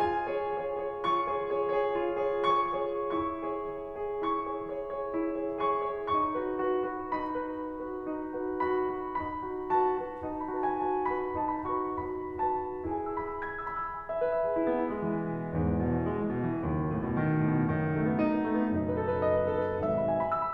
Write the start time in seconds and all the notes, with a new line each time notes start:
0.00 F4 G#5
0.23 G#4 C#5
0.44 G#4 C#5
0.66 G#4 C#5
0.94 F4 C#6
1.30 G#4 C#5
1.58 G#4 C#5
1.81 G#4 C#5
2.05 F4
2.30 G#4 C#5
2.48 G#4 C#5 C#6
2.75 G#4 C#5
3.11 E4 C#6
3.45 G#4 C#5
3.74 G#4 C#5
4.02 G#4 C#5
4.31 E4 C#6
4.54 G#4 C#5
4.75 G#4 C#5
4.97 G#4 C#5
5.17 E4
5.41 G#4 C#5
5.65 G#4 C#5 C#6
5.85 G#4 C#5
6.16 D#4 C#6
6.43 F#4 B4
6.62 F#4 B4
6.84 F#4 B4
7.11 D#4 B5
7.37 F#4 B4
7.63 F#4 B4
7.86 F#4 B4
8.09 D#4
8.38 F#4 B4
8.64 F#4 B4 B5
8.88 F#4 B4
9.17 D#4 B5
9.51 F#4 B4
9.78 F#4 B4 A5
10.01 F#4 B4
10.27 D#4
10.40 B5
10.53 F#4 B4 A5
10.65 G#5
10.84 F#4 B4 A5
11.11 F#4 B4 B5
11.37 D#4 A5
11.49 B5
11.69 F#4 B4 C#6
11.97 F#4 B4 B5
12.39 F#4 B4 A5
12.91 E4 G#4 B4 G#5
13.07 E6
13.24 B5
13.36 E6
13.53 G#6
13.63 E6
13.76 B5
13.89 E6
14.00 G#5
14.12 E5
14.23 B4
14.37 E5
14.54 G#4
14.65 E4
14.78 B3
14.88 E4
15.03 G#3
15.29 E3
15.65 B2
15.82 E3
15.96 G#1
16.08 E2
16.14 E2
16.36 B1
16.51 E2
16.65 F#1 B1 D#2 F#2
16.76 B2
16.92 A2
17.09 B2
17.19 D#3
17.30 B2
17.43 A2
17.54 B2
17.73 F#1 B1 F#2 D#3
17.83 B3
17.94 A3
18.09 B3
18.18 D#4
18.36 B3
18.47 A3
18.61 B3
18.75 F#1 B1 F#2 D#4
18.91 B4
19.02 A4
19.14 B4
19.28 D#5
19.42 B4
19.53 A4
19.62 B4
19.76 G#1 B1 G#2 E5
19.98 B5
20.07 G#5
20.18 B5
20.28 E6
20.41 B5